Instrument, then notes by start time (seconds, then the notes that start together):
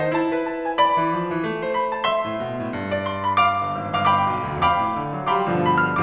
piano
0.00 D#4 C5
0.12 E4 A5
0.30 B4
0.45 A5
0.68 G#5
0.79 D5 B5
0.98 E3
1.15 F3
1.31 E3
1.39 A3
1.60 C5
1.72 B5
1.94 A5
2.05 E5 C6
2.29 A2
2.39 B2
2.59 A2
2.71 G2
2.91 D5
3.04 C6
3.26 B5
3.41 F5 D6
3.69 G1
3.78 G#1
3.97 G1 F5 D6
4.05 F5 G5 B5 D6
4.28 B1
4.39 D2
4.64 G2 F5 G5 B5 D6
4.75 B2
4.97 D3
5.09 F#3
5.31 G3 F5 G5 B5 D6
5.42 G2 B2 D3 F3
5.69 B5
5.80 F6